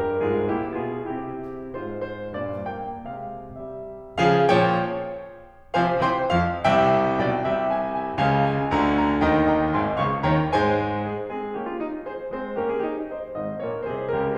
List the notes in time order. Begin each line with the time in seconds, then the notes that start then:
0.01 G2 G3 G4 A#4
0.34 G#2 G#3 F4 G#4
0.56 A#2 A#3 E4 G4
0.80 B2 B3 F4 G#4
1.05 C3 C4 E4 G4
1.78 G#2 G#3 F4 C5
2.06 C5
2.36 G2 A#2 D5
2.70 A#3 G5
3.11 C3 G#3 F5
3.51 G3 E5
4.21 C#3 F3 G#4 F5
4.50 A#2 F3 C#5 G5
5.76 C3 F3 C5 F5 G#5
6.00 C3 E3 C5 G5 C6
6.31 F2 F3 F5
6.65 C2 C3 E5 G5
7.23 B1 B2 D5 G5
7.47 C2 C3 E5 G5
7.70 G#5
7.91 G#5
8.13 C#2 C#3 F5 G#5
8.48 G#5
8.74 D2 D3 F5 G#5 A#5
9.05 A#5
9.31 D#2 D#3 D#5 G5 A#5
9.55 G5 A#5
9.78 G#1 G#2 G#5 C6
9.99 C#2 C#3 F5 A#5 C#6
10.22 D#2 D#3 C#5 G5 A#5
10.49 G#2 G#3 C5 G#5
11.05 G#4
11.34 G#3 C4 G#4
11.60 A#3 C#4 G4
11.71 F4
11.79 D#4
11.98 G#4 C5
12.28 G#3 C4 G#4 C5
12.58 A#3 C#4 G4 A#4
12.70 F4 G#4
12.82 D#4 G4
13.13 C5 D#5
13.37 G#1 G#2 C5 D#5
13.65 A#1 A#2 A#4 C#5
13.89 C2 C3 G#4 C5
14.12 C#2 C#3 G4 A#4